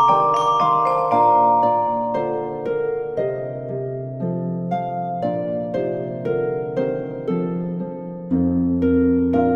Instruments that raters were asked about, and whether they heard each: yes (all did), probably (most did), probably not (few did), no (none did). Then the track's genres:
mallet percussion: yes
voice: no
mandolin: no
ukulele: no
Classical